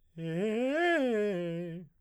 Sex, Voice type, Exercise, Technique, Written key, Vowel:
male, baritone, arpeggios, fast/articulated piano, F major, e